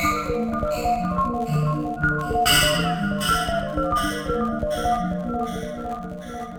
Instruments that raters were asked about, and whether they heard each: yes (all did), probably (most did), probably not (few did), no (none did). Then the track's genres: mallet percussion: probably
Glitch; IDM; Breakbeat